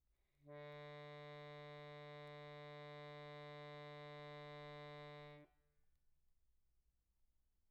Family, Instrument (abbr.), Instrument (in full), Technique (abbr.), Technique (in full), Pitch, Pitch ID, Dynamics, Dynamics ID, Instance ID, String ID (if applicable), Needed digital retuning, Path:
Keyboards, Acc, Accordion, ord, ordinario, D3, 50, pp, 0, 1, , FALSE, Keyboards/Accordion/ordinario/Acc-ord-D3-pp-alt1-N.wav